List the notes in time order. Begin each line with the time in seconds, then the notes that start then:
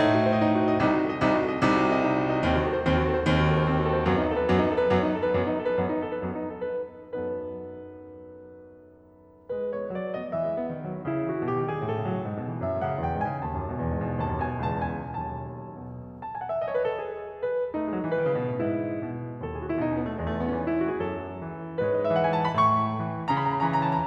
0.00 A2 A3 D#4
0.12 F#4
0.22 C5
0.33 D#5
0.42 D#4
0.51 F#4
0.64 C5
0.74 D#5
0.82 C2 C3 D#4
0.94 F#4
1.04 A4
1.16 D#5
1.27 C2 C3 D#4
1.35 F#4
1.46 A4
1.54 D#5
1.65 C2 C3 D#4
1.78 F#4
1.86 A4
1.95 D#5
2.03 D#4
2.14 F#4
2.22 A4
2.31 D#5
2.43 D#2 D#3 C4
2.53 F#4
2.64 A4
2.75 C5
2.87 D#2 D#3 C4
2.96 F#4
3.05 A4
3.17 C5
3.27 D#2 D#3 C4
3.38 F#4
3.47 A4
3.54 C5
3.63 C4
3.74 F#4
3.84 A4
3.94 C5
4.04 F#2 F#3 B3
4.14 D#4
4.25 A4
4.37 B4
4.45 F#2 F#3 B3
4.55 D#4
4.66 A4
4.76 B4
4.85 F#2 F#3 B3
4.96 D#4
5.09 A4
5.20 B4
5.32 F#2 F#3 B3
5.43 D#4
5.50 A4
5.61 B4
5.72 F#2 F#3 B3
5.84 D#4
5.97 A4
6.08 B4
6.21 F#2 F#3 B3
6.34 D#4
6.42 A4
6.61 B4
6.72 F#2 F#3 B3 D#4 A4 B4
9.51 G#3 B4
9.64 B3
9.71 C#5
9.80 E4
9.94 F#3 D5
10.09 A3
10.16 D#5
10.22 B3
10.38 E3 E5
10.52 G#3
10.62 B3
10.76 D#3
10.86 F#3
10.97 B3
11.08 C#3 E4
11.23 E3
11.30 F#4
11.34 A3
11.47 B2 G4
11.62 D#3
11.67 G#4
11.73 G#3
11.85 A2 A4
11.98 C#3
12.10 F#3
12.20 G#2
12.36 B2
12.50 E3
12.65 F#2 E5
12.74 A2
12.82 F#5
12.88 D#3
13.04 E2 G5
13.17 G#2
13.24 G#5
13.31 C#3
13.44 D#2 A5
13.57 F#2
13.70 B2
13.83 E2
13.96 G#2
14.13 C#3
14.25 D#2 A5
14.37 F#2
14.44 G#5
14.50 B2
14.66 C#2 A5
14.87 E2
14.95 G#5
15.06 B2
15.21 B1 D#2 A5
15.85 B2
16.24 A5
16.35 G#5
16.42 F#5
16.51 E5
16.61 D#5
16.70 C#5
16.81 B4
16.90 A4
17.02 G#4
17.33 B4
17.73 A3 D#4
17.83 G#3
17.91 F#3
18.01 E3
18.09 D#3 B4
18.23 C#3
18.34 B2
18.44 A2
18.55 G#2 E4
19.01 B2
19.41 D#2 A4
19.50 G#4
19.60 F#4
19.66 E4
19.76 B2 D#4
19.88 C#4
19.99 B3
20.09 A3
20.17 E2 G#3
20.24 A3
20.32 B3
20.42 C#4
20.57 E3 D#4
20.70 E4
20.79 F#4
20.90 G#4
21.01 F#2 F#3 A4
21.43 E3
21.80 G#2 G#3 B4
21.91 C#5
22.00 D#5
22.07 E5
22.14 E3 F#5
22.24 G#5
22.35 A5
22.44 B5
22.53 A2 A3 C#6
22.96 E3
23.29 C#3 C#4 A#5
23.36 B5
23.42 A#5
23.46 A#5 B5
23.52 A#5 B5
23.60 B5
23.65 E3 A#5
23.71 B5
23.77 A#5
23.81 B5
23.88 A5
23.97 A#5